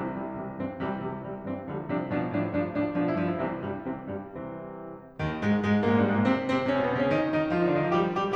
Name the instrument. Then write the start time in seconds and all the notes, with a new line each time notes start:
piano
0.00 C2 C3 C4
0.21 C3 E3 G3
0.38 C3 E3 G3
0.58 G2 E3 C4
0.79 C2 C3 E3 G3
0.99 C3 E3 G3
1.16 C3 E3 G3
1.44 G2 E3 C4
1.67 C2 D3 F3 G3
1.87 C3 F3 D4
2.09 B2 F3 D4
2.31 A2 F3 D4
2.54 G2 F3 D4
2.74 A2 F3 D4
2.95 B2 F3 D4
3.04 E4
3.13 G2 F3 D4
3.30 E4
3.52 C2 C3 E3 C4
3.72 G2 G3
3.87 C2 C3 E3 C4
4.06 G2 G3
4.24 C2 C3 E3 C4
5.20 D#2 D#3
5.40 G#2 G#3
5.64 G#2 G#3
5.85 A#2 A#3
5.91 G#2 G#3
5.97 G2 G3
6.06 G#2 G#3
6.15 A#2 A#3
6.27 C3 C4
6.48 C3 C4
6.68 C#3 C#4
6.75 C3 C4
6.79 B2 B3
6.92 C3 C4
7.00 C#3 C#4
7.12 D#3 D#4
7.33 D#3 D#4
7.53 F3 F4
7.60 D#3 D#4
7.65 D3 D4
7.77 D#3 D#4
7.86 F3 F4
7.94 G3 G4
8.16 G3 G4